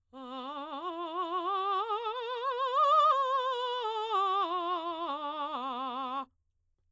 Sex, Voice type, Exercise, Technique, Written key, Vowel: female, soprano, scales, vibrato, , a